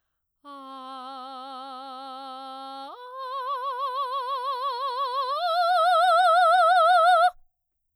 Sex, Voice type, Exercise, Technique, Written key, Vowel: female, soprano, long tones, full voice forte, , a